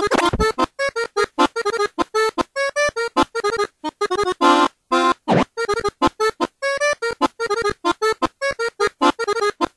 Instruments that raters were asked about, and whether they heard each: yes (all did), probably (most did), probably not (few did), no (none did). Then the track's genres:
accordion: yes
cello: probably not
Electronic; Noise; Experimental